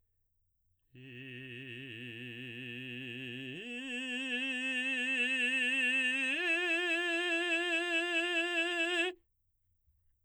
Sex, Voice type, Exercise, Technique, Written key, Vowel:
male, baritone, long tones, full voice forte, , i